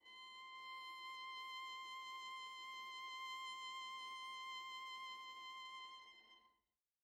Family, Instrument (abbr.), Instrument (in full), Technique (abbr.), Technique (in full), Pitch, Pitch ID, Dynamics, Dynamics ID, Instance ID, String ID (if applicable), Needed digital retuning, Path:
Strings, Va, Viola, ord, ordinario, C6, 84, pp, 0, 0, 1, FALSE, Strings/Viola/ordinario/Va-ord-C6-pp-1c-N.wav